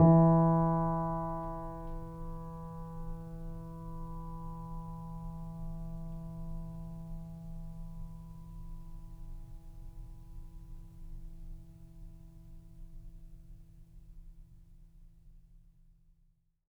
<region> pitch_keycenter=52 lokey=52 hikey=53 volume=2.009550 lovel=0 hivel=65 locc64=0 hicc64=64 ampeg_attack=0.004000 ampeg_release=0.400000 sample=Chordophones/Zithers/Grand Piano, Steinway B/NoSus/Piano_NoSus_Close_E3_vl2_rr1.wav